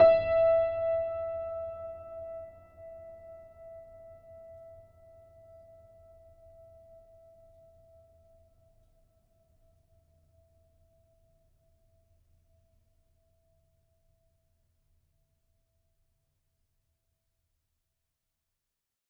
<region> pitch_keycenter=76 lokey=76 hikey=77 volume=0.841648 lovel=0 hivel=65 locc64=65 hicc64=127 ampeg_attack=0.004000 ampeg_release=0.400000 sample=Chordophones/Zithers/Grand Piano, Steinway B/Sus/Piano_Sus_Close_E5_vl2_rr1.wav